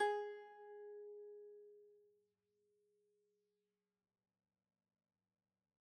<region> pitch_keycenter=68 lokey=68 hikey=69 volume=15.113542 lovel=0 hivel=65 ampeg_attack=0.004000 ampeg_release=0.300000 sample=Chordophones/Zithers/Dan Tranh/Normal/G#3_mf_1.wav